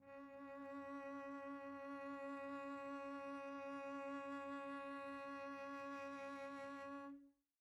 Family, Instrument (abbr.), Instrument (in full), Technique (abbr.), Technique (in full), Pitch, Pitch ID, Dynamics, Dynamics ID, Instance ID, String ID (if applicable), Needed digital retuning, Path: Strings, Vc, Cello, ord, ordinario, C#4, 61, pp, 0, 1, 2, FALSE, Strings/Violoncello/ordinario/Vc-ord-C#4-pp-2c-N.wav